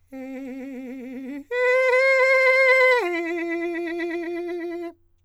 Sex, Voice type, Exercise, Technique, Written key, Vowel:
male, countertenor, long tones, trillo (goat tone), , e